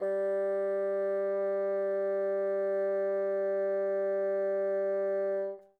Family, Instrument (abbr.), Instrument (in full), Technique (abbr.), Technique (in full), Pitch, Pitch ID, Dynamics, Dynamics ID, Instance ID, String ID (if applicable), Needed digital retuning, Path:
Winds, Bn, Bassoon, ord, ordinario, G3, 55, mf, 2, 0, , FALSE, Winds/Bassoon/ordinario/Bn-ord-G3-mf-N-N.wav